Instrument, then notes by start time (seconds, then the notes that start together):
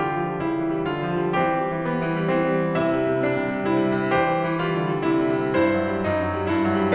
piano
0.00 D3 F4 G4
0.14 F3
0.29 G3
0.41 C#3 E4
0.55 E3
0.73 G3
0.87 D3 F4
1.02 F3
1.18 G3
1.30 E3 C4 G4
1.46 G3
1.63 E3
1.95 G3 B3
2.07 E3
2.22 G3
2.36 E3 C4
2.47 G3
2.61 E3
2.73 C3 E4 E5
2.88 G3
3.02 C3
3.16 G3 D4
3.30 C3
3.47 G3
3.63 C3 E4
3.81 G3
3.95 C3
4.16 E3 G4 C5
4.27 G3
4.40 E3
4.60 G3 F4
4.79 D3
4.95 G3
5.11 C3 E4
5.31 G3
5.42 C3
5.62 G2 E4 C5
5.75 F#3
5.90 G3
6.07 F#2 D#4
6.25 F#3
6.44 G3
6.58 G2 E4
6.69 F#3
6.83 G3